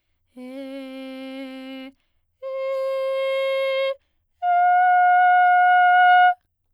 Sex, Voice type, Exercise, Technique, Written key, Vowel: female, soprano, long tones, straight tone, , e